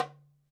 <region> pitch_keycenter=62 lokey=62 hikey=62 volume=2.378217 lovel=84 hivel=127 seq_position=2 seq_length=2 ampeg_attack=0.004000 ampeg_release=30.000000 sample=Membranophones/Struck Membranophones/Darbuka/Darbuka_3_hit_vl2_rr2.wav